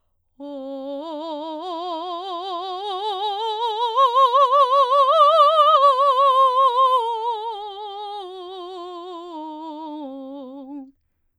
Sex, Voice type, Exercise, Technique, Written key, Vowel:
female, soprano, scales, slow/legato forte, C major, o